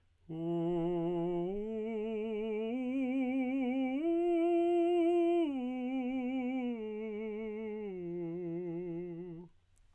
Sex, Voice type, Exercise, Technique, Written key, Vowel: male, tenor, arpeggios, slow/legato piano, F major, u